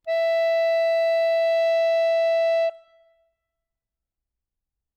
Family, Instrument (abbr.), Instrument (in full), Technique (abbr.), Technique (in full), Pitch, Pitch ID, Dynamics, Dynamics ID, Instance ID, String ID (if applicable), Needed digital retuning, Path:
Keyboards, Acc, Accordion, ord, ordinario, E5, 76, ff, 4, 2, , FALSE, Keyboards/Accordion/ordinario/Acc-ord-E5-ff-alt2-N.wav